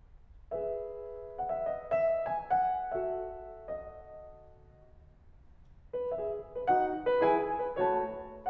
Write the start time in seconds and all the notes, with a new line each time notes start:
0.54 G#4 B4 E5
1.40 F#5
1.51 E5
1.75 D#5
2.00 E5
2.29 G#5
2.54 F#5
2.95 F#4 A4 E5
3.52 D#5
5.44 B4
6.16 G#4 E5
6.55 B4
6.69 D#4 F#4 F#5
7.08 B4
7.23 E4 G#4 G#5
7.60 B4
7.79 A3 F#4 C#5 A5